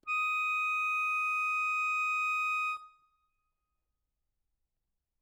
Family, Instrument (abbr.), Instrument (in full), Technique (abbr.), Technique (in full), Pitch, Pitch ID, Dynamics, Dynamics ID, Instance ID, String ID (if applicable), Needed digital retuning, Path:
Keyboards, Acc, Accordion, ord, ordinario, D#6, 87, ff, 4, 2, , FALSE, Keyboards/Accordion/ordinario/Acc-ord-D#6-ff-alt2-N.wav